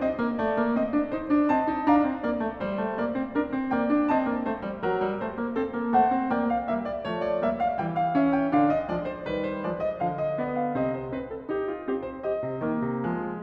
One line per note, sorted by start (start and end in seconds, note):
0.00 0.17 C4
0.00 0.38 D#5
0.17 0.38 A#3
0.38 0.56 A3
0.38 0.74 D5
0.56 0.74 A#3
0.74 0.89 C4
0.74 1.04 D#5
0.89 1.04 D4
1.04 1.25 D#4
1.04 1.53 C5
1.25 1.53 D4
1.53 1.70 C4
1.53 1.89 D#5
1.53 1.89 A5
1.70 1.89 D#4
1.89 2.07 D4
1.89 2.24 F5
1.89 2.24 A#5
2.07 2.24 C4
2.24 2.41 A#3
2.24 2.61 D5
2.41 2.61 A3
2.61 2.82 G3
2.61 2.97 C5
2.82 2.97 A3
2.97 3.15 A#3
2.97 3.32 D5
3.15 3.32 C4
3.32 3.51 D4
3.32 3.72 A#4
3.51 3.72 C4
3.72 3.88 A#3
3.72 4.09 D5
3.72 4.09 G5
3.88 4.09 D4
4.09 4.30 C4
4.09 4.46 D#5
4.09 4.46 A5
4.30 4.46 A#3
4.46 4.64 A3
4.46 4.84 C5
4.64 4.84 G3
4.84 5.06 F#3
4.84 5.25 A#4
5.06 5.25 G3
5.25 5.42 A3
5.25 5.58 C5
5.42 5.58 A#3
5.58 5.75 C4
5.58 5.92 A4
5.75 5.92 A#3
5.92 6.13 A3
5.92 6.33 C5
5.92 6.33 F#5
6.13 6.33 C4
6.33 6.73 A#3
6.33 6.73 D5
6.33 6.52 G5
6.52 6.73 F5
6.73 7.09 G3
6.73 7.09 A#3
6.73 6.92 E5
6.92 7.09 D5
7.09 7.48 F3
7.09 7.48 A3
7.09 7.31 C#5
7.31 7.48 D5
7.48 7.79 G3
7.48 7.79 A#3
7.48 7.62 E5
7.62 7.79 F5
7.79 8.53 E3
7.79 8.15 G3
7.79 7.94 G5
7.94 8.15 F5
8.15 8.53 C#4
8.15 8.32 E5
8.32 8.53 G5
8.53 8.87 D3
8.53 8.87 D4
8.53 8.68 F5
8.68 8.87 D#5
8.87 9.26 F3
8.87 9.26 G#3
8.87 9.06 D5
9.06 9.26 C5
9.26 9.66 D#3
9.26 9.66 G3
9.26 9.45 B4
9.45 9.66 C5
9.66 10.02 F3
9.66 10.02 G#3
9.66 9.86 D5
9.86 10.02 D#5
10.02 10.77 D3
10.02 10.39 F3
10.02 10.19 F5
10.19 10.39 D#5
10.39 10.77 B3
10.39 10.58 D5
10.58 10.77 F5
10.77 11.13 C3
10.77 11.13 C4
10.77 10.94 D#5
10.94 11.13 C5
11.13 11.49 C4
11.13 11.32 B4
11.32 11.49 A4
11.49 11.88 D#4
11.49 11.70 G4
11.70 11.88 F4
11.88 12.25 C4
11.88 12.07 G4
12.07 12.25 C5
12.25 12.67 G4
12.25 13.43 D#5
12.47 12.67 C3
12.67 12.84 D#3
12.67 13.04 A#3
12.84 13.04 C3
13.04 13.43 F3
13.04 13.43 G#3